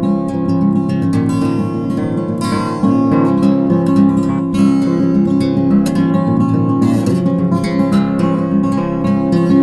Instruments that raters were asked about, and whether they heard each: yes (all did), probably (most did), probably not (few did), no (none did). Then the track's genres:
guitar: yes
drums: probably not
mallet percussion: no
cymbals: no
Folk; Instrumental